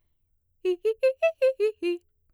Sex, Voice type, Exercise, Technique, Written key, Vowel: female, mezzo-soprano, arpeggios, fast/articulated piano, F major, i